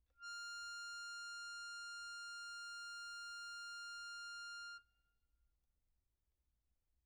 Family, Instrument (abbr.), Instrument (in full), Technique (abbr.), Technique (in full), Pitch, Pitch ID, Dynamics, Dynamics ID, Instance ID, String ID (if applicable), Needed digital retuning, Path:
Keyboards, Acc, Accordion, ord, ordinario, F6, 89, pp, 0, 1, , FALSE, Keyboards/Accordion/ordinario/Acc-ord-F6-pp-alt1-N.wav